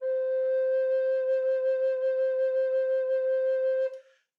<region> pitch_keycenter=72 lokey=72 hikey=73 tune=-1 volume=13.087805 offset=370 ampeg_attack=0.004000 ampeg_release=0.300000 sample=Aerophones/Edge-blown Aerophones/Baroque Bass Recorder/SusVib/BassRecorder_SusVib_C4_rr1_Main.wav